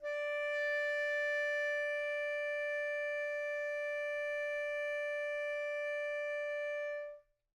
<region> pitch_keycenter=74 lokey=74 hikey=75 volume=21.787309 lovel=0 hivel=83 ampeg_attack=0.004000 ampeg_release=0.500000 sample=Aerophones/Reed Aerophones/Tenor Saxophone/Non-Vibrato/Tenor_NV_Main_D4_vl2_rr1.wav